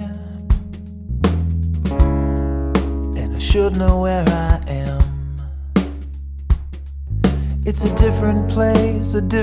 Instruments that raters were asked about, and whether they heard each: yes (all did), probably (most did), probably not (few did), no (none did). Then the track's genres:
cymbals: probably
bass: probably not
Pop; Folk; Singer-Songwriter